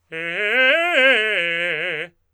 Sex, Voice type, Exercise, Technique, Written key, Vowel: male, tenor, arpeggios, fast/articulated forte, F major, e